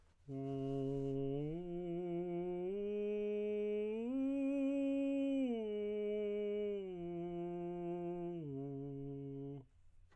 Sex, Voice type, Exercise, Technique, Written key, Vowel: male, tenor, arpeggios, straight tone, , u